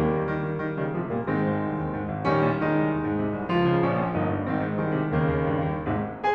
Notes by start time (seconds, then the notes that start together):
0.00 D#2 G3 A#3
0.13 D#3
0.28 D#3
0.44 D#3
0.58 D#3
0.75 C#3 D#3 G3
0.92 C3 F3 G#3
1.10 A#2 G3 A#3
1.28 G#2 D#3 G#3 C4
1.45 G#1
1.64 C2
1.79 D#2
1.95 G#2
2.11 G#1
2.30 A#1 D#3 G3 C#4
2.47 A#2
2.62 D#3 G#3 D#4
2.77 C2
2.93 D#2
3.07 G#2
3.26 C3
3.38 C2
3.52 C#2 F3 F4
3.67 C#3
3.81 A#1 C#4
4.02 A#2
4.19 G1 A#3 D#4
4.37 G2
4.53 G#1 D#3 C4
4.69 G#2
4.83 C2 D#3 G#3
4.97 C3
5.13 D#2 C#3 D#3 A#3
5.40 D#2
5.55 G2
5.78 D#2
5.98 G#1 G#2 C3 G#3